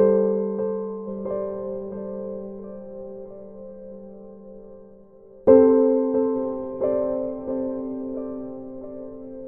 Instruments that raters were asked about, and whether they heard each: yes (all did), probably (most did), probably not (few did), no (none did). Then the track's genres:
piano: yes
Pop